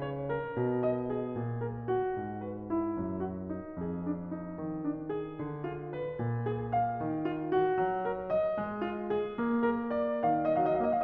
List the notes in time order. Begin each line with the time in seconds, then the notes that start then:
0.00 C#5
0.31 A#4
0.55 B2
0.79 D#5
1.13 G#4
1.37 A#2
1.63 A#4
1.89 F#4
2.19 G#2
2.46 B4
2.75 E4
3.01 F#2
3.27 F#4
3.52 D#4
3.76 F2 G#4
4.03 D4
4.35 D#4
4.59 D#3
4.84 D4
5.09 G#4
5.38 D3
5.64 F4
5.94 B4
6.19 A#2
6.46 G#4
6.77 F5
7.02 D#3
7.29 F4
7.58 F#4
7.78 F#3
8.05 A#4
8.31 D#5
8.58 G#3
8.87 F4
9.17 G#4
9.39 A#3
9.65 A#4
9.94 D5
10.24 D#3 F5
10.43 D#5
10.57 F5
10.62 F#3 D#5
10.73 F5
10.82 A#3 D#5
10.89 F5
10.96 D#5